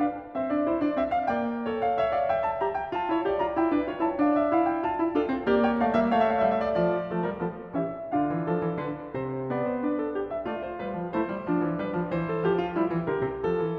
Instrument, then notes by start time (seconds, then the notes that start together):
piano
0.00 D4 B4 F5
0.34 C4 C5 E5
0.50 D4 D5
0.66 E4 C5
0.81 D4 D5
0.96 C4 E5
1.14 F5
1.29 A#3 D5 G5
1.64 A4 C#5
1.83 F5
2.00 C#5 E5
2.17 D5 F5
2.32 E5 G5
2.45 A5
2.62 G4 A#5
2.80 G5
2.94 F4 A5
3.11 E4 C#5
3.24 G4 D5
3.39 F4 A#5
3.56 E4 G5
3.73 D4 B4
3.88 F4 C#5
4.01 E4 A5
4.23 D4 D5 F5
4.38 E5
4.53 E4 F5
4.69 G5
4.84 F4 A5
5.00 E4
5.18 D4 F4 A4
5.33 C4
5.50 A#3 G4 D5
5.65 C#5 G5
5.82 A3 D5 F5
5.96 A#3 E5
6.12 A3 C#5 F5
6.16 E5
6.22 F5
6.28 E5
6.36 F5
6.42 E5
6.47 G3
6.64 D5
6.79 F3 D5
7.09 F3 A3 A4
7.24 G3 A#4
7.38 F3 B3 A4
7.73 E3 C#4 G4 E5
8.12 D3 D4 F4 F5
8.29 E3
8.44 F3 A4
8.61 E3
8.79 D3 B4
9.13 C3 C5
9.49 B3 D5
9.71 C5
9.85 D4 B4
10.02 A4
10.16 G4
10.32 E5
10.46 A3 F4 D5
10.63 C5
10.81 G3 B4
10.98 F3
11.15 A3 E4 C5
11.33 G3
11.49 F3 D4
11.64 E3
11.80 G3 B4
11.97 F3
12.14 E3 C5
12.33 A4
12.46 F3 G4
12.60 F4
12.72 G3 E4
12.88 E3
13.05 D3 G4 A#4
13.21 C3
13.37 F3
13.42 A4
13.61 E3